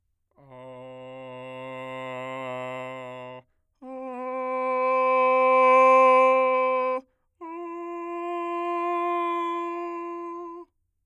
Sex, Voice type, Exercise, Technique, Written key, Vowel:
male, bass, long tones, messa di voce, , a